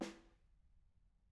<region> pitch_keycenter=61 lokey=61 hikey=61 volume=26.955214 lovel=0 hivel=47 seq_position=2 seq_length=2 ampeg_attack=0.004000 ampeg_release=15.000000 sample=Membranophones/Struck Membranophones/Snare Drum, Modern 1/Snare2_HitSN_v3_rr2_Mid.wav